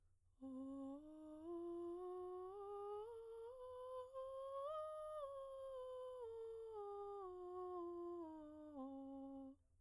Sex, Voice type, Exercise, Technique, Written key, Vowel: female, soprano, scales, breathy, , o